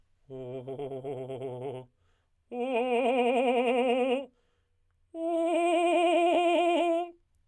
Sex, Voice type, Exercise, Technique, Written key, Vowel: male, tenor, long tones, trillo (goat tone), , o